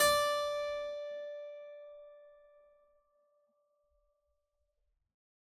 <region> pitch_keycenter=74 lokey=74 hikey=74 volume=3.505364 trigger=attack ampeg_attack=0.004000 ampeg_release=0.400000 amp_veltrack=0 sample=Chordophones/Zithers/Harpsichord, Unk/Sustains/Harpsi4_Sus_Main_D4_rr1.wav